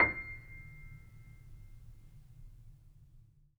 <region> pitch_keycenter=96 lokey=96 hikey=97 volume=4.585839 lovel=0 hivel=65 locc64=0 hicc64=64 ampeg_attack=0.004000 ampeg_release=0.400000 sample=Chordophones/Zithers/Grand Piano, Steinway B/NoSus/Piano_NoSus_Close_C7_vl2_rr1.wav